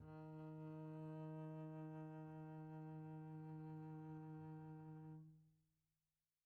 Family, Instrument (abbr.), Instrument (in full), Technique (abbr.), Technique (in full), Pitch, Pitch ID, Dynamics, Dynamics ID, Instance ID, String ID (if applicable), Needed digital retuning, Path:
Strings, Cb, Contrabass, ord, ordinario, D#3, 51, pp, 0, 1, 2, FALSE, Strings/Contrabass/ordinario/Cb-ord-D#3-pp-2c-N.wav